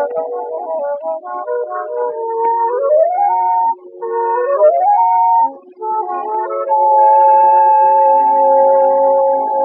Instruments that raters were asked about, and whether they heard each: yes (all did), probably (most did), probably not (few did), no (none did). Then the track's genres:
flute: yes
Classical; Old-Time / Historic